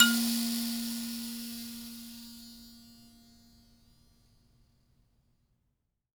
<region> pitch_keycenter=58 lokey=58 hikey=59 volume=3.779195 ampeg_attack=0.004000 ampeg_release=15.000000 sample=Idiophones/Plucked Idiophones/Mbira Mavembe (Gandanga), Zimbabwe, Low G/Mbira5_Normal_MainSpirit_A#2_k15_vl2_rr1.wav